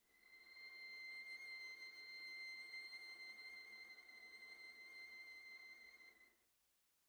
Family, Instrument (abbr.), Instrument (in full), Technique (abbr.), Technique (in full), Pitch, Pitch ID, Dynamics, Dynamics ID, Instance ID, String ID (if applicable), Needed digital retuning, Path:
Strings, Va, Viola, ord, ordinario, C7, 96, pp, 0, 0, 1, FALSE, Strings/Viola/ordinario/Va-ord-C7-pp-1c-N.wav